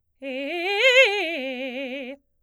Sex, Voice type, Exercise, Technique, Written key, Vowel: female, soprano, arpeggios, fast/articulated forte, C major, e